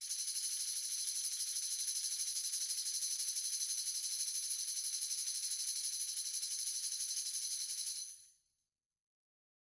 <region> pitch_keycenter=61 lokey=61 hikey=61 volume=13.619494 offset=232 lovel=100 hivel=127 ampeg_attack=0.004000 ampeg_release=1 sample=Idiophones/Struck Idiophones/Tambourine 1/Tamb1_Roll_v3_rr1_Mid.wav